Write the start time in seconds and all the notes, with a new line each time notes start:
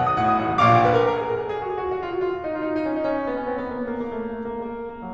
0.00 B1 F#5
0.13 D#6
0.22 A2 F#5
0.33 D#6
0.43 A1 F#5
0.56 D#6
0.66 A#1 A#2 F5 D6
0.88 B4
0.96 A#4
1.06 A#4
1.15 G#4
1.25 A#4
1.37 G#4
1.46 G#4
1.57 F#4
1.68 G#4
1.79 F#4
1.88 F#4
1.96 F4
2.04 F#4
2.14 F4
2.26 F4
2.43 D#4
2.52 F4
2.61 D#4
2.72 D#4
2.83 C#4
2.93 D#4
3.02 C#4
3.16 C#4
3.26 B3
3.40 C#4
3.52 B3
3.61 B3
3.72 A#3
3.81 B3
3.97 A#3
4.06 A#3
4.18 A3
4.30 A#3
4.42 A3
4.53 A#3
4.64 G#3
4.76 A#3
4.84 G#3
4.95 A#3
5.05 F#3